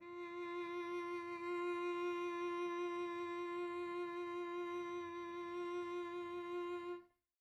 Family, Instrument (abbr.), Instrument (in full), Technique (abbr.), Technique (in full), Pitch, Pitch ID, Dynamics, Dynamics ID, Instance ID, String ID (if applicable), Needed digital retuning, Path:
Strings, Vc, Cello, ord, ordinario, F4, 65, pp, 0, 1, 2, FALSE, Strings/Violoncello/ordinario/Vc-ord-F4-pp-2c-N.wav